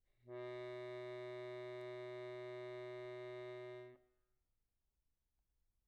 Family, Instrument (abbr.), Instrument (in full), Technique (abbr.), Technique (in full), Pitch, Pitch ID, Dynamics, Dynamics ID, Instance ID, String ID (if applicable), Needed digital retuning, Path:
Keyboards, Acc, Accordion, ord, ordinario, B2, 47, pp, 0, 1, , FALSE, Keyboards/Accordion/ordinario/Acc-ord-B2-pp-alt1-N.wav